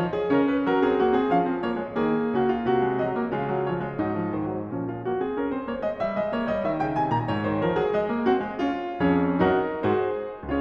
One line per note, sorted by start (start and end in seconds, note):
0.00 0.31 F3
0.00 0.15 C#5
0.15 0.31 G#4
0.31 0.65 C#3
0.31 0.85 C#4
0.31 0.46 A#4
0.46 0.65 B4
0.65 1.31 F#3
0.65 0.85 A#4
0.85 1.01 C4
0.85 1.01 G#4
1.01 1.17 A#3
1.01 1.17 F#4
1.17 1.31 C4
1.17 1.31 G#4
1.31 1.95 F3
1.31 1.49 C#4
1.31 1.63 F5
1.49 1.63 C4
1.63 1.75 A#3
1.63 1.95 C#5
1.75 1.95 G#3
1.95 2.30 D#3
1.95 2.82 A#3
1.95 2.30 G#4
2.30 2.65 C#3
2.30 2.47 F#4
2.47 2.65 F4
2.65 3.33 C3
2.65 2.97 F#4
2.82 2.97 G#3
2.97 3.15 F#3
2.97 3.33 D#5
3.15 3.33 A#3
3.33 4.01 C#3
3.33 3.49 G#3
3.33 3.69 F4
3.49 3.69 F#3
3.69 3.83 F3
3.69 4.01 C#5
3.83 4.01 G#3
4.01 4.68 G#2
4.01 4.13 F#3
4.01 4.33 D#4
4.13 4.33 F3
4.33 4.52 D#3
4.33 4.68 C5
4.52 4.68 F#3
4.68 5.02 A#2
4.68 4.84 F3
4.68 4.84 C#4
4.84 5.02 G#3
4.84 5.02 F4
5.02 5.19 A#3
5.02 5.19 F#4
5.19 5.39 C4
5.19 5.39 G#4
5.39 5.53 C#4
5.39 5.53 A#4
5.53 5.67 C4
5.53 5.67 C5
5.67 5.83 A#3
5.67 5.83 C#5
5.83 6.01 G#3
5.83 6.01 D#5
6.01 6.15 G3
6.01 6.15 E5
6.15 6.33 G#3
6.15 6.33 D#5
6.33 6.52 A#3
6.33 6.52 C#5
6.52 6.65 G3
6.52 6.65 D#5
6.65 7.44 D#3
6.65 6.83 E5
6.83 6.98 C#3
6.83 6.98 G5
6.98 7.15 C3
6.98 7.15 G#5
7.15 7.29 A#2
7.15 7.29 A#5
7.29 7.96 G#2
7.29 7.48 C#5
7.48 7.65 D#3
7.48 7.65 C5
7.65 7.80 F3
7.65 7.80 A#4
7.80 7.96 F#3
7.80 7.96 G#4
7.96 8.08 G#3
7.96 8.24 D#5
8.08 8.24 A#3
8.24 8.39 C4
8.24 8.59 F#4
8.39 8.59 G#3
8.59 8.94 C#4
8.59 8.94 F4
8.99 9.38 F2
8.99 9.38 C#4
8.99 9.38 G#4
8.99 9.38 C#5
9.42 9.93 F#2
9.42 10.57 D#4
9.42 9.93 F#4
9.42 9.93 A#4
9.98 10.57 G#2
9.98 10.57 F#4
9.98 10.57 G#4
9.98 10.57 C5